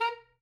<region> pitch_keycenter=70 lokey=69 hikey=72 tune=7 volume=14.373950 lovel=0 hivel=83 ampeg_attack=0.004000 ampeg_release=2.500000 sample=Aerophones/Reed Aerophones/Saxello/Staccato/Saxello_Stcts_MainSpirit_A#3_vl1_rr1.wav